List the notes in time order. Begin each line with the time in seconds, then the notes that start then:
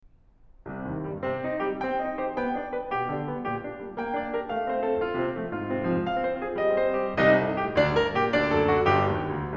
0.03 C2 C3
0.73 G2 D#3
0.96 A#2 G3
1.14 C3 C4
1.33 D#3 D#4
1.57 G3 G4
1.78 C4 G5
1.96 D#4 D#5
2.18 G4 C5
2.39 B3 G5
2.60 D4 D5
2.81 G4 B4
3.02 B2 G4
3.18 D3 D4
3.31 G3 B3
3.48 A#2 G4
3.69 D3 D4
3.89 G3 A#3
4.00 A#3 G5
4.16 D4 D5
4.32 G4 A#4
4.47 A3 F5
4.65 C4 C5
4.79 F4 A4
4.98 A2 F4
5.18 C3 C4
5.37 F3 A3
5.53 G#2 F4
5.68 C3 C4
5.86 F3 G#3
6.02 G#3 F5
6.23 C4 C5
6.41 F4 G#4
6.56 G3 D#5
6.77 C4 C5
7.00 D#4 G4
7.21 C2 C3 D#4 D#5
7.43 G2 G#4
7.63 A2 G4
7.79 D2 D3 D4 D5
7.95 G2 A#4
8.15 A#2 G4
8.34 D2 D3 D4 D5
8.51 F#2 A4
8.73 A2 F#4
8.94 G1 G2 G4
9.17 D#2
9.35 D2